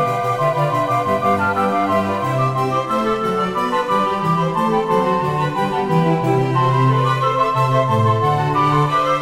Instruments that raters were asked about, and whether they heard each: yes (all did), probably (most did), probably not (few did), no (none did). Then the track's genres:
accordion: probably not
Classical